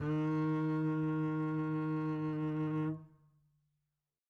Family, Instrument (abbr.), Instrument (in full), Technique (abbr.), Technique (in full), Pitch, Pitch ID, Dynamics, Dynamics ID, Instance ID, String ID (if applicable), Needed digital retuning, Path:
Strings, Cb, Contrabass, ord, ordinario, D#3, 51, mf, 2, 3, 4, TRUE, Strings/Contrabass/ordinario/Cb-ord-D#3-mf-4c-T11u.wav